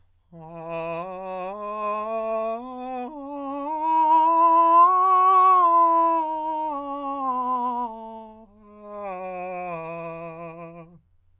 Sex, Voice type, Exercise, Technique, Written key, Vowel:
male, countertenor, scales, slow/legato forte, F major, a